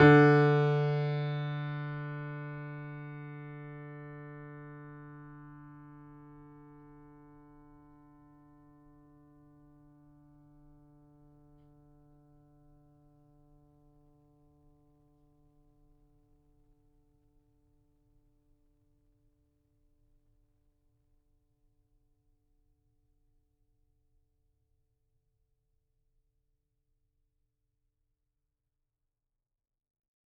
<region> pitch_keycenter=50 lokey=50 hikey=51 volume=-0.742935 lovel=100 hivel=127 locc64=0 hicc64=64 ampeg_attack=0.004000 ampeg_release=0.400000 sample=Chordophones/Zithers/Grand Piano, Steinway B/NoSus/Piano_NoSus_Close_D3_vl4_rr1.wav